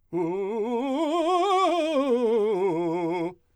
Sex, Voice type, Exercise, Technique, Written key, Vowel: male, , scales, fast/articulated forte, F major, u